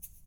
<region> pitch_keycenter=62 lokey=62 hikey=62 volume=19.707995 seq_position=1 seq_length=2 ampeg_attack=0.004000 ampeg_release=30.000000 sample=Idiophones/Struck Idiophones/Shaker, Small/Mid_ShakerDouble_Down_rr2.wav